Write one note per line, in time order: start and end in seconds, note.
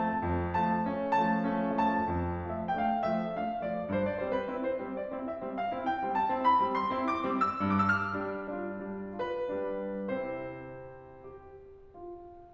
0.00 0.21 F3
0.00 0.21 A3
0.00 0.55 A5
0.22 0.55 F2
0.59 0.91 F3
0.59 0.91 A3
0.59 1.13 A5
0.92 1.13 A3
0.92 1.13 C#4
1.14 1.54 F3
1.14 1.54 A3
1.14 1.79 A5
1.56 1.79 A3
1.56 1.79 C#4
1.79 2.08 F3
1.79 2.08 A3
1.79 2.50 A5
2.10 2.50 F2
2.51 2.76 F3
2.51 2.76 A3
2.51 2.76 E5
2.77 3.03 A3
2.77 3.03 D4
2.77 2.82 G5
2.86 3.02 F5
3.04 3.39 F3
3.04 3.39 A3
3.04 3.39 E5
3.40 3.62 A3
3.40 3.62 D4
3.40 3.62 F5
3.63 3.96 F3
3.63 3.96 A3
3.63 3.96 D5
3.96 4.27 G2
3.96 4.12 C5
4.14 4.27 D5
4.28 4.53 G3
4.28 4.53 C4
4.28 4.40 C5
4.41 4.53 B4
4.54 4.81 C4
4.54 4.81 E4
4.68 4.81 C5
4.82 5.10 G3
4.82 5.10 C4
4.98 5.10 D5
5.11 5.43 C4
5.11 5.43 E4
5.29 5.43 E5
5.45 5.70 G3
5.45 5.70 C4
5.61 5.70 F5
5.71 6.04 C4
5.71 6.04 E4
5.86 6.04 G5
6.04 6.32 G3
6.04 6.32 C4
6.15 6.32 A5
6.34 6.59 C4
6.34 6.59 E4
6.47 6.59 B5
6.61 6.91 G3
6.61 6.91 C4
6.73 6.91 C6
6.92 7.30 C4
6.92 7.30 E4
7.15 7.30 D6
7.30 7.56 G3
7.30 7.56 C4
7.42 7.56 E6
7.57 8.03 G2
7.57 7.88 D6
7.79 7.98 E6
7.88 8.53 F6
8.05 8.53 G3
8.05 8.53 D4
8.53 8.81 D4
8.53 8.81 F4
8.82 9.20 G3
8.82 9.20 D4
9.21 9.46 D4
9.21 9.46 F4
9.21 10.17 B4
9.47 10.17 G3
9.47 10.17 D4
10.17 11.08 C3
10.17 11.08 C4
10.17 11.08 E4
10.17 11.08 C5
11.09 11.77 G4
11.78 12.54 F4